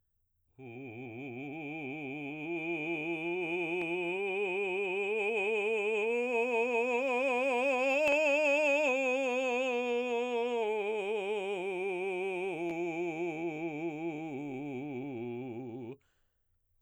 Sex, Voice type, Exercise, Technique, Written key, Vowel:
male, baritone, scales, vibrato, , u